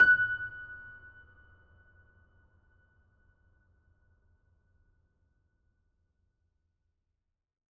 <region> pitch_keycenter=90 lokey=90 hikey=91 volume=-0.315914 lovel=100 hivel=127 locc64=65 hicc64=127 ampeg_attack=0.004000 ampeg_release=0.400000 sample=Chordophones/Zithers/Grand Piano, Steinway B/Sus/Piano_Sus_Close_F#6_vl4_rr1.wav